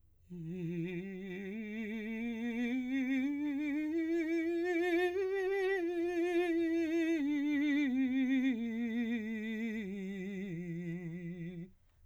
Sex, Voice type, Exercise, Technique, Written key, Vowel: male, , scales, slow/legato piano, F major, i